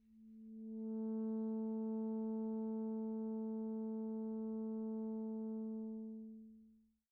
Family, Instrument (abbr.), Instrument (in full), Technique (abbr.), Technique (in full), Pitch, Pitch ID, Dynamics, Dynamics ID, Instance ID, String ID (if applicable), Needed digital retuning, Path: Winds, ASax, Alto Saxophone, ord, ordinario, A3, 57, pp, 0, 0, , FALSE, Winds/Sax_Alto/ordinario/ASax-ord-A3-pp-N-N.wav